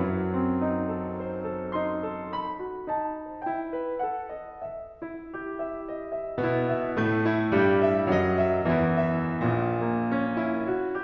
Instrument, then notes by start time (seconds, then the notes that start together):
piano
0.00 F#2 F#3
0.37 C4
0.66 D#4
1.04 A4
1.30 C5
1.57 A4
1.76 D#4 C6
2.12 A4
2.40 B5
2.60 F#4
2.89 D#4 A5
3.22 C5
3.47 E4 G5
3.75 B4
4.02 A4 F#5
4.31 D#5
4.55 E5
5.02 E4
5.53 G4
5.76 E5
6.03 D#5
6.21 E5
6.43 B2 B3 E4
6.78 E5
7.02 A2 A3
7.31 E4
7.62 G2 G3 G4
7.88 E5
8.14 F#2 F#3 D#5
8.45 E5
8.73 E2 E3 E4
8.97 E5
9.43 A#1 A#2
9.79 A#3
10.04 C#4
10.32 E4
10.67 F#4